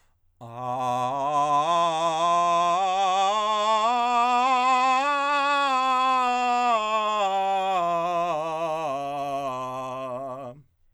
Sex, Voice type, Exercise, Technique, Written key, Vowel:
male, countertenor, scales, belt, , a